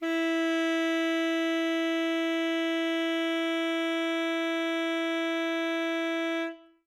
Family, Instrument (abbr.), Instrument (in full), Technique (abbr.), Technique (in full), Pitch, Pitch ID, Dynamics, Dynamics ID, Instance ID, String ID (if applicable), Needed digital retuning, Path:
Winds, ASax, Alto Saxophone, ord, ordinario, E4, 64, ff, 4, 0, , FALSE, Winds/Sax_Alto/ordinario/ASax-ord-E4-ff-N-N.wav